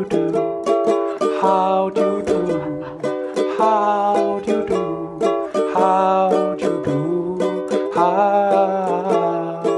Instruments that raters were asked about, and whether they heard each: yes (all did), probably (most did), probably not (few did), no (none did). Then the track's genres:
ukulele: yes
mandolin: yes
Experimental Pop